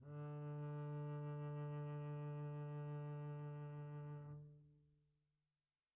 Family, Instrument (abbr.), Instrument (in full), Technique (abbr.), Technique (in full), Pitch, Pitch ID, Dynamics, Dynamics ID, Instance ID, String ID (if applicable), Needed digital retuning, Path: Strings, Cb, Contrabass, ord, ordinario, D3, 50, pp, 0, 1, 2, FALSE, Strings/Contrabass/ordinario/Cb-ord-D3-pp-2c-N.wav